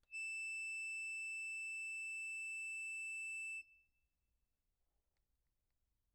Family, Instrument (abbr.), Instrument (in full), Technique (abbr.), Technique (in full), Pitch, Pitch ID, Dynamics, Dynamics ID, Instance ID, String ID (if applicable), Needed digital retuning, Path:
Keyboards, Acc, Accordion, ord, ordinario, E7, 100, pp, 0, 0, , FALSE, Keyboards/Accordion/ordinario/Acc-ord-E7-pp-N-N.wav